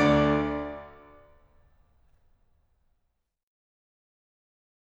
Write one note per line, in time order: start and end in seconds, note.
0.00 1.15 D2
0.00 1.15 D3
0.00 1.15 D5
0.00 1.15 D6
3.02 3.32 D5